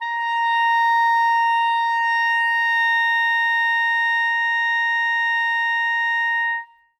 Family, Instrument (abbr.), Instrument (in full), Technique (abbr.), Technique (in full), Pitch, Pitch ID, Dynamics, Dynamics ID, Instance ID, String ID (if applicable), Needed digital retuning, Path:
Winds, ClBb, Clarinet in Bb, ord, ordinario, A#5, 82, ff, 4, 0, , FALSE, Winds/Clarinet_Bb/ordinario/ClBb-ord-A#5-ff-N-N.wav